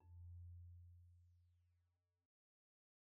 <region> pitch_keycenter=41 lokey=41 hikey=44 volume=34.436551 offset=22 xfout_lovel=0 xfout_hivel=83 ampeg_attack=0.004000 ampeg_release=15.000000 sample=Idiophones/Struck Idiophones/Marimba/Marimba_hit_Outrigger_F1_soft_01.wav